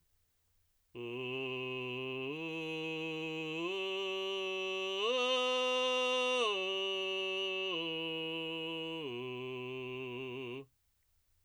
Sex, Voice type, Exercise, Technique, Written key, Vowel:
male, baritone, arpeggios, belt, , u